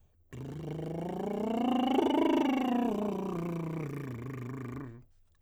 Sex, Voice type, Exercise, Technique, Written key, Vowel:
male, tenor, scales, lip trill, , u